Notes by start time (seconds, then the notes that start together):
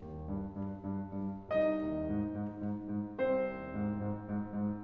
0.01 D#2
0.30 G2
0.57 G2
0.84 G2
1.14 G2
1.50 C2 D#4 D#5
1.83 D#2
2.10 G#2
2.35 G#2
2.57 G#2
2.78 G#2
3.20 C2 C4 C5
3.56 D#2
3.74 G#2
4.03 G#2
4.28 G#2
4.53 G#2